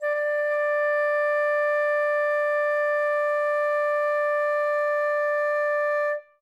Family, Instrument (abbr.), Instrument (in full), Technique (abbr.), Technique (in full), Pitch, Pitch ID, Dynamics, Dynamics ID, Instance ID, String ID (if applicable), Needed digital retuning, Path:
Winds, Fl, Flute, ord, ordinario, D5, 74, ff, 4, 0, , FALSE, Winds/Flute/ordinario/Fl-ord-D5-ff-N-N.wav